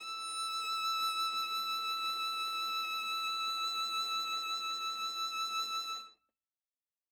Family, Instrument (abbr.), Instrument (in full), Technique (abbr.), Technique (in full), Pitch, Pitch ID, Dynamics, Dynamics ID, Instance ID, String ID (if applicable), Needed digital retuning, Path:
Strings, Va, Viola, ord, ordinario, E6, 88, ff, 4, 0, 1, FALSE, Strings/Viola/ordinario/Va-ord-E6-ff-1c-N.wav